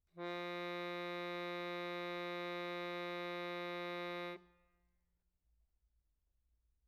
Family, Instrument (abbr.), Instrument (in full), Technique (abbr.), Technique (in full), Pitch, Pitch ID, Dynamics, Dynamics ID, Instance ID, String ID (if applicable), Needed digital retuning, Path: Keyboards, Acc, Accordion, ord, ordinario, F3, 53, mf, 2, 2, , FALSE, Keyboards/Accordion/ordinario/Acc-ord-F3-mf-alt2-N.wav